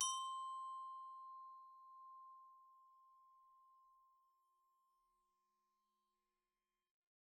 <region> pitch_keycenter=72 lokey=70 hikey=75 volume=18.174778 offset=104 xfin_lovel=0 xfin_hivel=83 xfout_lovel=84 xfout_hivel=127 ampeg_attack=0.004000 ampeg_release=15.000000 sample=Idiophones/Struck Idiophones/Glockenspiel/glock_medium_C5_01.wav